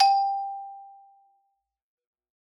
<region> pitch_keycenter=67 lokey=64 hikey=69 volume=-1.767685 lovel=84 hivel=127 ampeg_attack=0.004000 ampeg_release=15.000000 sample=Idiophones/Struck Idiophones/Xylophone/Medium Mallets/Xylo_Medium_G4_ff_01_far.wav